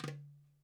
<region> pitch_keycenter=64 lokey=64 hikey=64 volume=4.069318 lovel=0 hivel=83 seq_position=2 seq_length=2 ampeg_attack=0.004000 ampeg_release=30.000000 sample=Membranophones/Struck Membranophones/Darbuka/Darbuka_5_hit_vl1_rr2.wav